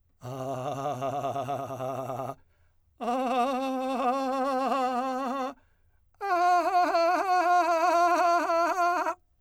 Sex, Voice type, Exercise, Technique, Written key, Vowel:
male, , long tones, trillo (goat tone), , a